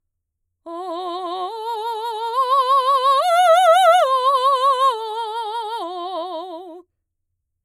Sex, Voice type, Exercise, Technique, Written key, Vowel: female, mezzo-soprano, arpeggios, slow/legato forte, F major, o